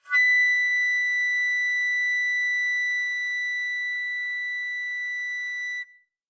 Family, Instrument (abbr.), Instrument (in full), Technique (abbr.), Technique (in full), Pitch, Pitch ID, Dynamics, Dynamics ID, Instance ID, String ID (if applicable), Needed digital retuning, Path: Winds, Fl, Flute, ord, ordinario, B6, 95, mf, 2, 0, , FALSE, Winds/Flute/ordinario/Fl-ord-B6-mf-N-N.wav